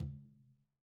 <region> pitch_keycenter=65 lokey=65 hikey=65 volume=22.856745 lovel=55 hivel=83 seq_position=1 seq_length=2 ampeg_attack=0.004000 ampeg_release=15.000000 sample=Membranophones/Struck Membranophones/Conga/Tumba_HitN_v2_rr1_Sum.wav